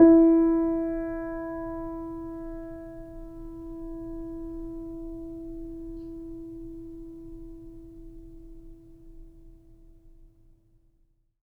<region> pitch_keycenter=64 lokey=64 hikey=65 volume=-2.352866 lovel=0 hivel=65 locc64=0 hicc64=64 ampeg_attack=0.004000 ampeg_release=0.400000 sample=Chordophones/Zithers/Grand Piano, Steinway B/NoSus/Piano_NoSus_Close_E4_vl2_rr1.wav